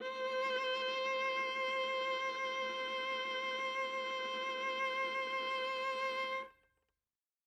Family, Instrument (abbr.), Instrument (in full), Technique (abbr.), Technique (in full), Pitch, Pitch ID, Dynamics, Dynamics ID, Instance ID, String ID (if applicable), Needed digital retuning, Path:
Strings, Va, Viola, ord, ordinario, C5, 72, ff, 4, 3, 4, TRUE, Strings/Viola/ordinario/Va-ord-C5-ff-4c-T17u.wav